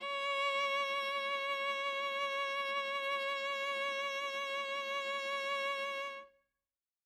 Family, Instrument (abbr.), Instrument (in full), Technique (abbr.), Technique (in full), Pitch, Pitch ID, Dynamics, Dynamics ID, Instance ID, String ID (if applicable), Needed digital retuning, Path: Strings, Va, Viola, ord, ordinario, C#5, 73, ff, 4, 1, 2, FALSE, Strings/Viola/ordinario/Va-ord-C#5-ff-2c-N.wav